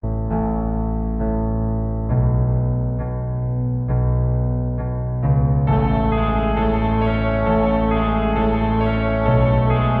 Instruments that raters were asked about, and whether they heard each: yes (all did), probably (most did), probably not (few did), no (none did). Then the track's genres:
piano: yes
Easy Listening